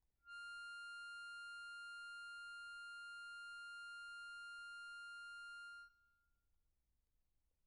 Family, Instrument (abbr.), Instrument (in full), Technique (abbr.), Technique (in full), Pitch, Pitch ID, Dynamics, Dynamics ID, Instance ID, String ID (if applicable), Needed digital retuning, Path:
Keyboards, Acc, Accordion, ord, ordinario, F6, 89, pp, 0, 2, , FALSE, Keyboards/Accordion/ordinario/Acc-ord-F6-pp-alt2-N.wav